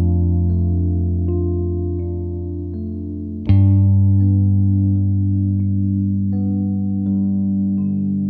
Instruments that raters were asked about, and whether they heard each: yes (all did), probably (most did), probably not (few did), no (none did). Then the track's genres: trumpet: no
saxophone: no
trombone: no
bass: probably
Soundtrack; Ambient Electronic; Unclassifiable